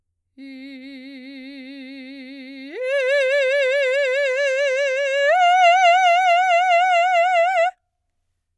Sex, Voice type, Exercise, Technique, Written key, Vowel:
female, soprano, long tones, full voice forte, , i